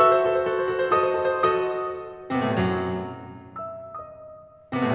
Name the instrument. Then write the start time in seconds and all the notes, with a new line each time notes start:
piano
0.00 F#4 A4 E5 E6
0.14 C5
0.33 F#4 A4
0.44 C5
0.55 F#4 A4
0.64 C5
0.81 F#4 A4
0.93 C5
1.02 F#4 A4 D#5 D#6
1.15 C5
1.27 F#4 A4
1.37 C5
1.50 F#4 A4 D#5 D#6
2.29 C3 C4
2.38 B2 B3
2.43 A2 A3
2.52 G2 G3
2.59 F#2 F#3
3.61 E5 E6
3.84 D#5 D#6
4.71 C3 C4
4.76 B2 B3
4.83 A2 A3
4.89 G2 G3